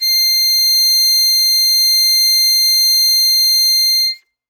<region> pitch_keycenter=96 lokey=94 hikey=97 volume=1.651734 trigger=attack ampeg_attack=0.004000 ampeg_release=0.100000 sample=Aerophones/Free Aerophones/Harmonica-Hohner-Super64/Sustains/Normal/Hohner-Super64_Normal _C6.wav